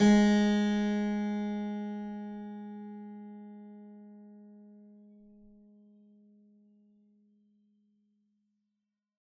<region> pitch_keycenter=56 lokey=56 hikey=57 volume=-3.449710 trigger=attack ampeg_attack=0.004000 ampeg_release=0.400000 amp_veltrack=0 sample=Chordophones/Zithers/Harpsichord, Flemish/Sustains/Low/Harpsi_Low_Far_G#2_rr1.wav